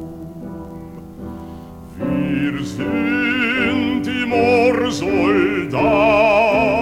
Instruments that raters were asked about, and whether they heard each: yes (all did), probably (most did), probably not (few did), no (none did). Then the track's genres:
piano: yes
Folk; Opera